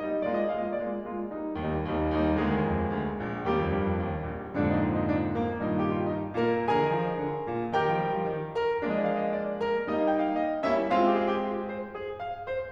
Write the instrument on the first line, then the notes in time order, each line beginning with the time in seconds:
piano
0.00 G3 A#3 D#4 D#5
0.27 G#3 A#3 F4 D5
0.46 D#5
0.60 G#3 A#3 F4 F5
0.74 D#5
0.82 G#3 A#3 F4 D5
1.07 G#3 A#3 F4
1.31 G3 A#3 D#4
1.58 D#2 G3 A#3 D#4
1.89 D#2 G3 A#3 D#4
2.17 D#2 G3 A#3 D#4
2.40 D2 G#3 A#3 G#4
2.54 D#2
2.65 F2
2.83 D#2
2.96 D2
3.24 A#1
3.51 D#2 G3 A#3 G4
3.66 F2
3.77 G2
3.89 F2
4.01 D#2
4.30 A#1
4.59 F2 G#2 A#2 D3 D4
4.74 D#4
4.85 F4
4.97 D#4
5.10 D4
5.38 A#3
5.56 G2 A#2 D#3 D#4
5.68 F4
5.82 G4
5.92 F4
6.06 D#4
6.35 A#2 A#3 A#4
6.75 D3 G#4 A#4 G#5
6.86 D#3
6.99 F3
7.12 D#3
7.23 D3
7.45 A#2
7.76 D#3 G4 A#4 G5
8.00 F3
8.12 G3
8.21 F3
8.31 D#3
8.58 A#2 A#4
8.82 F3 G#3 A#3 D4 D5
9.00 D#5
9.11 F5
9.26 D#5
9.39 D5
9.64 A#4
9.89 G3 A#3 D#4 D#5
10.09 F5
10.19 G5
10.31 F5
10.46 D#5
10.70 G3 A#3 C#4 E4 E5
10.92 G#3 C4 F4 F5
11.02 G4
11.18 G#4
11.31 G4
11.45 F4
11.70 C5
11.90 G#4
12.23 F5
12.48 C5